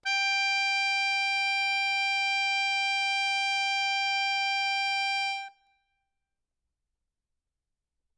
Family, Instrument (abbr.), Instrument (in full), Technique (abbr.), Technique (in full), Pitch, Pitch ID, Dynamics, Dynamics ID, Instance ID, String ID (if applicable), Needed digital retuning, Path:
Keyboards, Acc, Accordion, ord, ordinario, G5, 79, ff, 4, 1, , FALSE, Keyboards/Accordion/ordinario/Acc-ord-G5-ff-alt1-N.wav